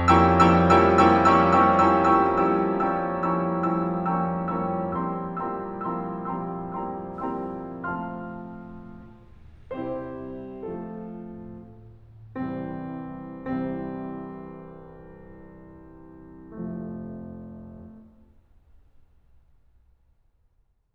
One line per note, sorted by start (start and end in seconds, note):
0.01 0.23 F3
0.01 0.23 G3
0.01 0.23 A#3
0.01 0.23 C#4
0.01 0.23 E4
0.01 0.23 G5
0.01 0.23 A#5
0.01 0.23 C#6
0.01 0.23 E6
0.24 0.51 F3
0.24 0.51 G3
0.24 0.51 A#3
0.24 0.51 C#4
0.24 0.51 E4
0.24 0.51 G5
0.24 0.51 A#5
0.24 0.51 C#6
0.24 0.51 E6
0.52 0.78 F3
0.52 0.78 G3
0.52 0.78 A#3
0.52 0.78 C#4
0.52 0.78 E4
0.52 0.78 G5
0.52 0.78 A#5
0.52 0.78 C#6
0.52 0.78 E6
0.80 1.07 F3
0.80 1.07 G3
0.80 1.07 A#3
0.80 1.07 C#4
0.80 1.07 E4
0.80 1.07 G5
0.80 1.07 A#5
0.80 1.07 C#6
0.80 1.07 E6
1.09 1.36 F3
1.09 1.36 G3
1.09 1.36 A#3
1.09 1.36 C#4
1.09 1.36 E4
1.09 1.36 G5
1.09 1.36 A#5
1.09 1.36 C#6
1.09 1.36 E6
1.38 1.64 F3
1.38 1.64 G3
1.38 1.64 A#3
1.38 1.64 C#4
1.38 1.64 E4
1.38 1.64 G5
1.38 1.64 A#5
1.38 1.64 C#6
1.38 1.64 E6
1.65 1.96 F3
1.65 1.96 G3
1.65 1.96 A#3
1.65 1.96 C#4
1.65 1.96 E4
1.65 1.96 G5
1.65 1.96 A#5
1.65 1.96 C#6
1.65 1.96 E6
1.97 2.25 F3
1.97 2.25 G3
1.97 2.25 A#3
1.97 2.25 C#4
1.97 2.25 E4
1.97 2.25 G5
1.97 2.25 A#5
1.97 2.25 C#6
1.97 2.25 E6
2.26 2.69 F3
2.26 2.69 G3
2.26 2.69 A#3
2.26 2.69 C#4
2.26 2.69 E4
2.26 2.69 G5
2.26 2.69 A#5
2.26 2.69 C#6
2.26 2.69 E6
2.69 3.15 F3
2.69 3.15 G3
2.69 3.15 A#3
2.69 3.15 C#4
2.69 3.15 E4
2.69 3.15 G5
2.69 3.15 A#5
2.69 3.15 C#6
2.69 3.15 E6
3.15 3.62 F3
3.15 3.62 G3
3.15 3.62 A#3
3.15 3.62 C#4
3.15 3.62 E4
3.15 3.62 G5
3.15 3.62 A#5
3.15 3.62 C#6
3.15 3.62 E6
3.64 4.08 F3
3.64 4.08 G3
3.64 4.08 A#3
3.64 4.08 C#4
3.64 4.08 E4
3.64 4.08 G5
3.64 4.08 A#5
3.64 4.08 C#6
3.64 4.08 E6
4.09 4.52 F3
4.09 4.52 G3
4.09 4.52 A#3
4.09 4.52 C#4
4.09 4.52 E4
4.09 4.52 G5
4.09 4.52 A#5
4.09 4.52 C#6
4.09 4.52 E6
4.52 4.97 F3
4.52 4.97 G3
4.52 4.97 A#3
4.52 4.97 C#4
4.52 4.97 E4
4.52 4.97 G5
4.52 4.97 A#5
4.52 4.97 C#6
4.52 4.97 E6
4.99 5.39 F3
4.99 5.39 G3
4.99 5.39 A#3
4.99 5.39 C4
4.99 5.39 E4
4.99 5.39 G5
4.99 5.39 A#5
4.99 5.39 C6
4.99 5.39 E6
5.39 5.76 F3
5.39 5.76 G3
5.39 5.76 A#3
5.39 5.76 C4
5.39 5.76 E4
5.39 5.76 G5
5.39 5.76 A#5
5.39 5.76 C6
5.39 5.76 E6
5.78 6.22 F3
5.78 6.22 G3
5.78 6.22 A#3
5.78 6.22 C4
5.78 6.22 E4
5.78 6.22 G5
5.78 6.22 A#5
5.78 6.22 C6
5.78 6.22 E6
6.23 6.60 F3
6.23 6.60 G3
6.23 6.60 A#3
6.23 6.60 C4
6.23 6.60 E4
6.23 6.60 G5
6.23 6.60 A#5
6.23 6.60 C6
6.23 6.60 E6
6.60 7.09 F3
6.60 7.09 G3
6.60 7.09 A#3
6.60 7.09 C4
6.60 7.09 E4
6.60 7.09 G5
6.60 7.09 A#5
6.60 7.09 C6
6.60 7.09 E6
7.09 7.71 F3
7.09 7.71 G3
7.09 7.71 A#3
7.09 7.71 C4
7.09 7.71 E4
7.09 7.71 G5
7.09 7.71 A#5
7.09 7.71 C6
7.09 7.71 E6
7.73 8.71 F3
7.73 8.71 A3
7.73 8.71 C4
7.73 8.71 F4
7.73 8.71 F5
7.73 8.71 A5
7.73 8.71 C6
7.73 8.71 F6
9.72 10.65 C3
9.72 10.65 G3
9.72 10.65 C4
9.72 10.65 E4
9.72 10.65 G4
9.72 10.65 C5
10.66 11.42 F3
10.66 11.42 A3
10.66 11.42 C4
10.66 11.42 F4
10.66 11.42 A4
12.42 13.51 C2
12.42 13.51 C3
12.42 13.51 E3
12.42 13.51 G3
12.42 13.51 C4
13.52 16.54 C2
13.52 16.54 C3
13.52 16.54 E3
13.52 16.54 G3
13.52 16.54 C4
16.55 17.95 F1
16.55 17.95 F2
16.55 17.95 C3
16.55 17.95 F3
16.55 17.95 A3